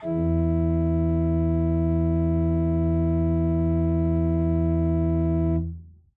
<region> pitch_keycenter=40 lokey=40 hikey=41 volume=5.269064 ampeg_attack=0.004000 ampeg_release=0.300000 amp_veltrack=0 sample=Aerophones/Edge-blown Aerophones/Renaissance Organ/Full/RenOrgan_Full_Room_E1_rr1.wav